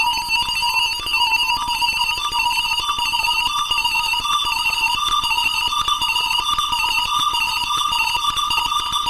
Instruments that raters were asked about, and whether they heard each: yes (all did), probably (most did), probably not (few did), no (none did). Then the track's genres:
violin: probably not
flute: no
Avant-Garde; Experimental